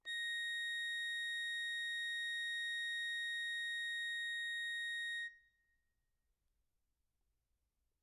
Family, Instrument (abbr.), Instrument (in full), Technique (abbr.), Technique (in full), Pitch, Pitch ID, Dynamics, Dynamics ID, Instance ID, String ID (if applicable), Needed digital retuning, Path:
Keyboards, Acc, Accordion, ord, ordinario, A#6, 94, mf, 2, 1, , FALSE, Keyboards/Accordion/ordinario/Acc-ord-A#6-mf-alt1-N.wav